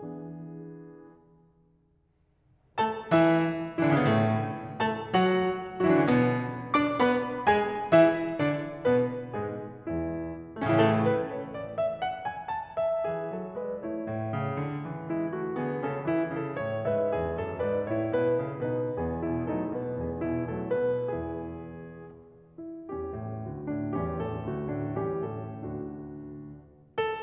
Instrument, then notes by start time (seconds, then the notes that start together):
piano
0.00 E3 B3 D4 G#4
2.77 A3 A4 A5
3.04 E3 E4 E5
3.74 E3 E4
3.82 D3 D4
3.94 C#3 C#4
3.99 B2 B3
4.06 A2 A3
4.91 A3 A4 A5
5.14 F#3 F#4 F#5
5.78 F#3 F#4
5.84 E3 E4
5.90 D3 D4
5.96 C#3 C#4
6.00 B2 B3
6.75 D4 D5 D6
6.98 B3 B4 B5
7.44 G#3 G#4 G#5
7.89 E3 E4 E5
8.35 D3 D4 D5
8.82 B2 B3 B4
9.36 G#2 G#3 G#4
9.87 E2 E3 E4
10.52 A3
10.60 C#4
10.67 E4
10.74 A2 A4
10.83 C#3
10.91 E3
11.08 A3 B4
11.35 C#5
11.62 D5
11.83 E5
12.04 F#5
12.23 G#5
12.46 A5
12.79 E5
13.07 E3 G#4
13.33 F#3 A4
13.55 G#3 B4 D5
13.75 A3 E4 C#5
13.99 A2
14.33 C#3
14.56 D3
14.86 E3
15.08 G#3 E4
15.33 A3 F#4
15.55 D3 B3 G#4
15.79 C#3 C#4 A4
16.04 E3 E4
16.35 C#3 A4
16.60 A2 C#5
16.86 G#2 B4 E5
17.14 E2 G#4
17.44 F#2 A4
17.65 G#2 B4 D5
17.89 A2 E4 C#5
18.10 G#2 B4
18.38 F#2 A4
18.62 B2 D#4 B4
18.99 E2 E3 B3 G#4
19.27 B2 E4
19.48 F#3 A3 D#4 A4
19.67 B2 B4
19.91 E2 E3 B3 G#4
20.20 B2 E4
20.54 F#3 A3 D#4 A4
20.82 B2 B4
21.11 E2 E3 B3 E4 G#4
22.59 E4
22.92 E2 E3 G3 C#4 G4
23.13 G#2 A4
23.37 D2 D3 A3 F#4
23.61 A2 D4
23.92 E3 G3 C#4 G4
24.18 A2 A4
24.43 D2 D3 A3 F#4
24.65 A2 D4
24.93 E3 G3 C#4 G4
25.23 A2 A4
25.48 D2 D3 A3 D4 F#4
27.00 A4